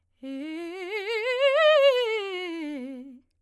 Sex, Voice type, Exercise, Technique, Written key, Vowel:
female, soprano, scales, fast/articulated piano, C major, e